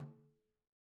<region> pitch_keycenter=65 lokey=65 hikey=65 volume=28.429733 lovel=0 hivel=83 seq_position=2 seq_length=2 ampeg_attack=0.004000 ampeg_release=15.000000 sample=Membranophones/Struck Membranophones/Frame Drum/HDrumS_HitMuted_v2_rr2_Sum.wav